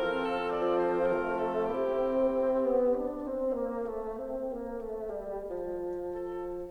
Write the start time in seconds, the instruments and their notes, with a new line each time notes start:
0.00 bassoon F3 F4, clarinet C4 A4, oboe F4 A#4
0.30 oboe A4
0.55 bassoon F3, oboe D5
0.88 oboe C5
1.23 bassoon A3, oboe A#4
1.54 oboe A4
1.83 bassoon C3 C4, clarinet C4 G4, oboe E4 G4
2.44 bassoon C4
2.71 bassoon B3
2.94 bassoon D4
3.22 bassoon C4
3.61 bassoon A#3
3.98 bassoon A3
4.18 bassoon C4
4.60 bassoon A#3
4.92 bassoon A3
5.12 bassoon G3
5.43 bassoon F3
6.21 oboe A4